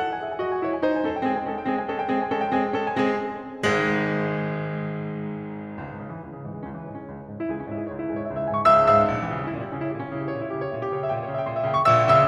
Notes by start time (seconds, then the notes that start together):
0.00 A4 F#5
0.10 G#5
0.21 G#4 E5
0.30 G#5
0.41 F#4 D#5
0.51 G#5
0.63 E4 C#5
0.71 G#5
0.79 D#4 C5
0.91 G#5
1.03 C#4 A4
1.13 G5
1.22 G#3 C4 G#4
1.30 G#5
1.38 G#3 C#4 A4
1.50 G5
1.59 G#3 C4 G#4
1.73 G#5
1.81 G#3 C#4 A4
1.90 G5
2.02 G#3 C4 G#4
2.11 G#5
2.17 G#3 C#4 A4
2.31 G5
2.40 G#3 C4 G#4
2.51 G#5
2.60 G#3 C#4 A4
2.71 G5
2.82 G#3 C4 G#4 G#5
3.19 G#1 G#2 G#3
5.85 C#2
5.97 G#2
6.07 G#2 C#3
6.14 E3
6.23 C#2 G#3
6.35 C#3
6.46 G#2 E3
6.56 G#3
6.66 C#2 C#4
6.73 E3
6.80 G#2 G#3
6.90 C#4
6.99 C#2 E4
7.12 G#3
7.23 G#2 C#4
7.35 E4
7.47 C#2 G#4
7.59 C#4
7.69 G#2 E4
7.78 G#4
7.86 C#2 C#5
7.96 E4
8.06 G#2 G#4
8.19 C#5
8.29 C#2 E5
8.41 E5
8.49 G#2 G#5
8.59 C#6
8.68 C#2 C#3 E5 E6
8.92 G#2 E5 E6
9.13 A#1
9.22 E3
9.36 C#3 G3
9.47 C#4
9.57 A#2 E4
9.65 G3
9.74 C#3 C#4
9.83 E4
9.94 A#2 G4
10.04 C#4
10.14 C#3 E4
10.22 G4
10.31 A#2 C#5
10.41 E4
10.55 C#3 G4
10.66 C#5
10.74 A#2 E5
10.84 G4
10.95 C#3 C#5
11.06 E5
11.17 A#2 G5
11.26 C#5
11.35 C#3 E5
11.44 G5
11.52 A#2 C#6
11.60 E5
11.66 C#3 G5
11.76 C#6
11.85 A#1 A#2 E5 E6
12.07 C#3 E5 E6